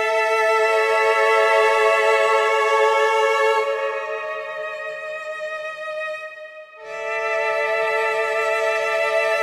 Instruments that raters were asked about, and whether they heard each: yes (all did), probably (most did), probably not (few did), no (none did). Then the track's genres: cello: probably not
violin: yes
Ambient